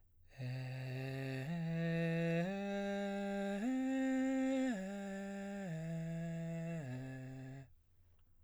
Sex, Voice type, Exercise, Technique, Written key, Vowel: male, baritone, arpeggios, breathy, , e